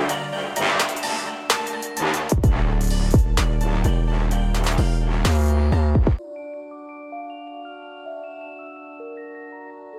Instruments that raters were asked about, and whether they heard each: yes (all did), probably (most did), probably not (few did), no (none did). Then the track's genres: guitar: no
mallet percussion: probably
Hip-Hop; Rap